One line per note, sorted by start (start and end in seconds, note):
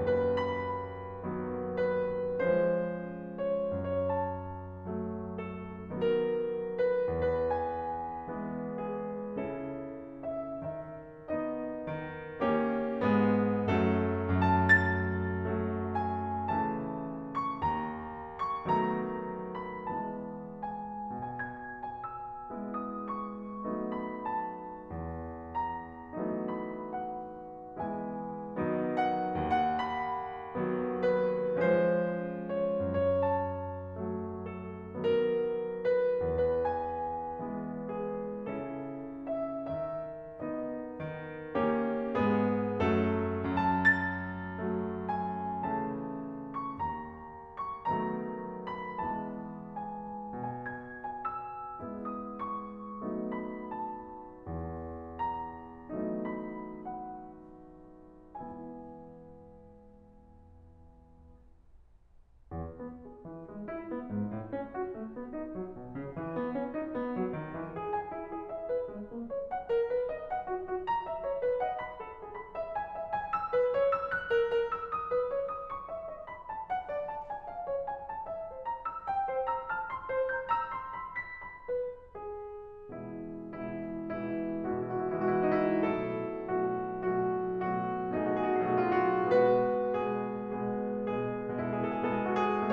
0.00 1.22 D#2
0.00 1.22 F#2
0.00 0.34 B4
0.35 1.76 B5
1.24 2.39 D#3
1.24 2.39 F#3
1.24 2.39 B3
1.76 2.39 B4
2.40 3.72 F3
2.40 3.72 G#3
2.40 3.72 C#4
2.40 3.42 C5
3.45 3.72 C#5
3.73 4.06 C#5
4.08 4.85 F#2
4.08 5.35 A5
4.86 5.89 F#3
4.86 5.89 A3
5.38 5.89 A4
5.90 7.08 D#3
5.90 7.08 F#3
5.90 7.08 B3
5.90 6.77 A#4
6.78 7.08 B4
7.09 8.27 E2
7.09 7.44 B4
7.47 8.82 G#5
8.29 9.35 E3
8.29 9.35 G#3
8.29 9.35 B3
8.84 9.35 G#4
9.36 10.51 C#3
9.36 11.28 C#4
9.36 11.28 E4
9.36 10.19 A4
10.22 10.51 E5
10.52 11.87 D#3
10.52 11.28 E5
11.30 12.39 B3
11.30 12.39 D#4
11.30 12.39 D#5
11.87 13.00 D#3
12.39 13.00 A#3
12.39 13.00 C#4
12.39 13.00 G4
13.01 13.65 G#2
13.01 13.65 G#3
13.01 13.65 B3
13.01 13.65 G#4
13.66 15.35 F#2
13.66 14.28 F#3
13.66 14.28 A3
13.66 14.28 A4
14.29 14.58 A5
14.59 15.95 A6
15.36 16.54 F#3
15.36 16.54 A3
15.96 16.54 G#5
16.57 17.60 C#3
16.57 17.60 E3
16.57 17.60 A3
16.57 17.32 A5
17.35 17.60 C#6
17.61 18.66 D#2
17.61 18.39 A#5
18.41 18.66 C#6
18.67 19.85 D#3
18.67 19.85 F#3
18.67 19.85 A3
18.67 19.85 B3
18.67 19.52 A#5
19.52 19.85 B5
19.86 21.08 E3
19.86 21.08 G#3
19.86 21.08 B3
19.86 20.65 A5
20.67 21.08 G#5
21.10 22.50 B2
21.10 21.28 G#5
21.29 21.80 G#6
21.82 21.99 G#5
22.00 22.73 E6
22.50 23.68 G#3
22.50 23.68 B3
22.50 23.68 E4
22.76 23.07 D#6
23.08 23.97 C#6
23.71 24.90 F#3
23.71 24.90 A3
23.71 24.90 B3
23.71 24.90 D#4
23.99 24.29 B5
24.30 25.54 A5
24.92 26.19 E2
25.55 26.61 A#5
26.22 27.78 E3
26.22 27.78 F#3
26.22 27.78 A3
26.22 27.78 B3
26.22 27.78 D#4
26.62 26.97 B5
26.98 27.78 F#5
27.79 28.58 E3
27.79 28.58 G#3
27.79 28.58 B3
27.79 28.58 E4
27.79 28.96 G#5
28.60 29.36 D#3
28.60 29.36 F#3
28.60 29.36 B3
28.60 29.36 D#4
28.97 29.36 F#5
29.37 30.65 D#2
29.37 29.79 F#5
29.80 31.00 B5
30.66 31.56 D#3
30.66 31.56 F#3
30.66 31.56 B3
31.01 31.56 B4
31.58 32.93 F3
31.58 32.93 G#3
31.58 32.93 C#4
31.58 32.60 C5
32.60 32.93 C#5
32.95 33.23 C#5
33.24 34.32 F#2
33.24 34.98 A5
34.33 35.56 F#3
34.33 35.56 A3
34.99 35.56 A4
35.56 36.33 D#3
35.56 36.33 F#3
35.56 36.33 B3
35.56 36.00 A#4
36.01 36.33 B4
36.34 37.38 E2
36.34 36.65 B4
36.66 37.96 G#5
37.38 38.58 E3
37.38 38.58 G#3
37.38 38.58 B3
37.98 38.58 G#4
38.59 39.66 C#3
38.59 40.38 C#4
38.59 40.38 E4
38.59 39.33 A4
39.35 39.66 E5
39.68 41.01 D#3
39.68 40.38 E5
40.39 41.53 B3
40.39 41.53 D#4
40.39 41.53 D#5
41.02 42.14 D#3
41.54 42.14 A#3
41.54 42.14 C#4
41.54 42.14 G4
42.16 42.76 G#2
42.16 42.76 G#3
42.16 42.76 B3
42.16 42.76 G#4
42.77 44.61 F#2
42.77 43.35 F#3
42.77 43.35 A3
42.77 43.35 A4
43.36 43.70 A5
43.70 45.09 A6
44.61 45.63 F#3
44.61 45.63 A3
45.09 45.63 G#5
45.64 46.79 C#3
45.64 46.79 E3
45.64 46.79 A3
45.64 46.56 A5
46.57 46.79 C#6
46.80 47.89 D#2
46.80 47.55 A#5
47.57 47.89 C#6
47.90 49.01 D#3
47.90 49.01 F#3
47.90 49.01 A3
47.90 49.01 B3
47.90 48.67 A#5
48.69 49.01 B5
49.02 50.28 E3
49.02 50.28 G#3
49.02 50.28 B3
49.02 49.97 A5
49.98 50.28 G#5
50.29 51.77 B2
50.29 50.45 G#5
50.47 51.04 G#6
51.07 51.29 G#5
51.30 52.11 E6
51.78 53.05 G#3
51.78 53.05 B3
51.78 53.05 E4
52.12 52.41 D#6
52.42 53.35 C#6
53.05 54.49 F#3
53.05 54.49 A3
53.05 54.49 B3
53.05 54.49 D#4
53.37 53.67 B5
53.68 55.16 A5
54.50 55.88 E2
55.17 56.44 A#5
55.95 57.96 E3
55.95 57.96 F#3
55.95 57.96 A3
55.95 57.96 B3
55.95 57.96 D#4
56.45 56.90 B5
56.94 57.96 F#5
57.98 59.72 E3
57.98 59.72 G#3
57.98 59.72 B3
57.98 59.72 E4
57.98 59.72 G#5
59.76 62.61 E2
62.64 63.03 B3
63.04 63.25 G#4
63.26 63.46 E3
63.46 63.68 G#3
63.68 63.91 E4
63.92 64.09 B3
64.10 64.33 G#2
64.34 64.53 A2
64.54 64.74 C#4
64.75 64.95 F#4
64.95 65.16 A3
65.16 65.31 B3
65.32 65.50 D#4
65.52 65.75 F#3
65.76 65.93 B2
65.94 66.14 C#3
66.14 66.33 E3
66.33 66.53 B3
66.53 66.73 C#4
66.75 66.94 D#4
66.95 67.14 B3
67.15 67.33 F#3
67.34 67.55 D#3
67.55 67.76 E3
67.76 67.93 G#4
67.94 68.12 G#5
68.13 68.32 E4
68.34 68.48 G#4
68.49 68.67 E5
68.68 68.88 B4
68.88 69.08 G#3
69.08 69.28 A#3
69.29 69.46 C#5
69.47 69.68 F#5
69.69 69.87 A#4
69.88 70.09 B4
70.09 70.31 D#5
70.31 70.46 F#5
70.46 70.69 F#4
70.70 70.86 F#4
70.87 71.03 A#5
71.04 71.23 E5
71.24 71.41 C#5
71.41 71.61 B4
71.61 71.78 D#5
71.61 71.78 F#5
71.80 72.02 B5
72.03 72.19 A4
72.20 72.33 G#4
72.34 72.55 B5
72.56 72.76 E5
72.76 72.98 G#5
72.98 73.14 E5
73.15 73.33 G#5
73.34 73.51 E6
73.53 73.77 B4
73.78 73.97 C#5
73.97 74.15 E6
74.15 74.32 F#6
74.32 74.49 A#4
74.50 74.68 A#4
74.69 74.86 E6
74.87 75.09 D#6
75.13 75.34 B4
75.34 75.50 C#5
75.50 75.70 D#6
75.71 75.89 C#6
75.91 76.09 E5
76.10 76.29 D#5
76.30 76.47 B5
76.49 76.68 A5
76.68 76.89 F#5
76.89 77.10 D5
77.11 77.29 A5
77.30 77.47 G#5
77.48 77.65 F5
77.66 77.84 C#5
77.84 78.08 G#5
78.08 78.29 A5
78.29 78.51 E5
78.52 78.67 C5
78.68 78.87 A#5
78.88 79.09 E6
79.10 79.28 G5
79.28 79.52 C5
79.52 79.73 A#5
79.52 79.73 E6
79.73 79.93 A5
79.73 79.93 F6
79.93 80.12 C6
80.12 80.39 C5
80.40 80.53 A#5
80.40 80.53 G6
80.53 80.70 A#5
80.53 80.70 E6
80.71 80.92 C6
80.93 81.17 B5
81.18 81.41 B6
81.42 81.70 B5
81.71 82.15 B4
82.16 82.92 G#4
82.93 83.49 B2
82.93 83.49 E3
82.93 83.49 G#3
82.93 83.49 E4
83.49 84.32 B2
83.49 84.32 E3
83.49 84.32 G#3
83.49 84.32 E4
84.33 84.78 B2
84.33 84.78 E3
84.33 84.78 G#3
84.33 84.78 E4
84.79 85.25 B2
84.79 85.25 E3
84.79 85.25 G#3
84.79 84.87 E4
84.88 85.02 F#4
85.02 85.12 E4
85.12 85.25 F#4
85.25 85.84 B2
85.25 85.84 E3
85.25 85.84 G#3
85.25 85.34 E4
85.34 85.46 F#4
85.46 85.64 D#4
85.65 85.84 E4
85.86 86.42 B2
85.86 86.42 F#3
85.86 86.42 A3
85.86 88.13 E4
85.86 86.42 A4
86.44 86.91 B2
86.44 86.91 F#3
86.44 86.91 A3
86.44 86.91 F#4
86.91 87.52 B2
86.91 87.52 F#3
86.91 87.52 A3
86.91 87.52 F#4
87.54 88.13 B2
87.54 88.13 F#3
87.54 88.13 A3
87.54 88.13 F#4
88.14 88.75 B2
88.14 88.75 F#3
88.14 88.75 A3
88.14 89.29 D#4
88.14 88.25 F#4
88.26 88.47 G#4
88.48 88.65 F#4
88.67 88.75 G#4
88.76 89.29 B2
88.76 89.29 F#3
88.76 89.29 A3
88.76 88.86 F#4
88.86 88.98 G#4
88.98 89.11 F4
89.11 89.29 F#4
89.29 90.08 B2
89.29 90.08 G#3
89.29 90.08 B3
89.29 91.67 F#4
89.29 90.08 B4
90.09 90.64 B2
90.09 90.64 G#3
90.09 90.64 B3
90.09 90.64 G#4
90.65 91.13 B2
90.65 91.13 G#3
90.65 91.13 B3
90.65 91.13 G#4
91.13 91.67 B2
91.13 91.67 G#3
91.13 91.67 B3
91.13 91.67 G#4
91.68 92.21 B2
91.68 92.21 G#3
91.68 92.21 B3
91.68 92.73 E4
91.68 91.77 G#4
91.78 91.96 A4
91.97 92.07 G#4
92.11 92.21 A4
92.22 92.73 B2
92.22 92.73 G#3
92.22 92.73 B3
92.22 92.30 G#4
92.31 92.42 A4
92.43 92.52 F#4
92.54 92.73 G#4